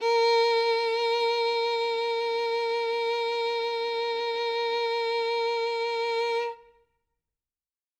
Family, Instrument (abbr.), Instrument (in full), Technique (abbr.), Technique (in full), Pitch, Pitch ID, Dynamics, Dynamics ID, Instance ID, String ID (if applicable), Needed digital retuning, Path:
Strings, Vn, Violin, ord, ordinario, A#4, 70, ff, 4, 3, 4, FALSE, Strings/Violin/ordinario/Vn-ord-A#4-ff-4c-N.wav